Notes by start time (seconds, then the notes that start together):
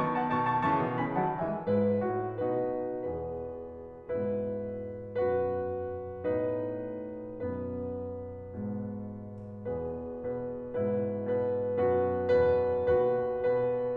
0.00 D#3 B3 A5 C#6
0.15 F#5 A5
0.33 B2 D#3 A5 C#6
0.51 A5 C#6
0.64 C#3 E3 A5 C#6
0.80 B2 D#3
0.98 C#3 E3 G#5 B5
1.17 D#3 F#3 F#5 A5
1.40 E3 G#3 E5 G#5
1.70 G#2 E4 B4
2.01 A2 F#4
2.38 B2 D#4 F#4 B4
3.05 E2 B2 G#4 B4
4.10 G#2 B2 E4 B4
5.17 F#2 B2 F#4 B4
6.25 A2 B2 D#4 B4
7.58 F#2 B2 B3 B4
8.63 G#2 B2 B4
9.67 E2 B2 G#4 B4
10.15 B2 B4
10.76 G#2 B2 E4 B4
11.22 B2 B4
11.78 F#2 B2 F#4 B4
12.34 E2 B2 B4
12.85 D#2 B2 F#4 B4
13.41 B2 B4